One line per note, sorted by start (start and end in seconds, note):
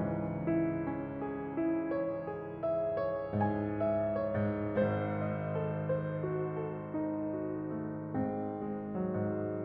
0.00 4.63 C#2
0.00 3.36 G#2
0.00 0.85 E3
0.00 0.85 C#4
0.44 1.23 E4
0.86 1.58 C#4
1.25 1.92 G#4
1.59 2.26 E4
1.92 2.60 C#5
2.28 2.96 G#4
2.61 3.36 E5
2.97 3.82 C#5
3.37 4.33 G#2
3.37 4.24 G#5
3.83 4.63 E5
4.25 4.63 C#5
4.34 4.63 G#2
4.64 9.64 G#1
4.64 8.10 G#2
4.64 5.47 C5
5.07 5.83 D#5
5.48 6.20 A4
5.84 6.54 C5
6.21 6.91 F#4
6.55 7.30 A4
6.92 7.71 D#4
7.31 8.10 F#4
7.72 8.51 A3
8.12 9.17 G#2
8.12 8.99 C4
8.52 9.64 G#3
9.04 9.64 F#3
9.18 9.64 G#2